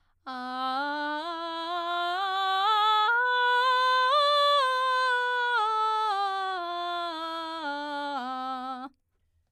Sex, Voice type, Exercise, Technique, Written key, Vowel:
female, soprano, scales, belt, , a